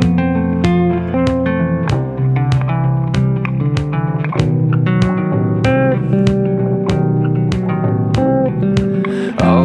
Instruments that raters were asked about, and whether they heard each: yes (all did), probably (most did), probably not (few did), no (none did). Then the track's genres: guitar: yes
accordion: no
Country; Psych-Folk